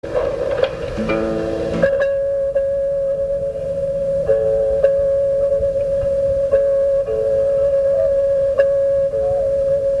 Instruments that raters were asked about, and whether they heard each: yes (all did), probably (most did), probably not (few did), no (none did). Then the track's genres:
flute: probably
Folk; Experimental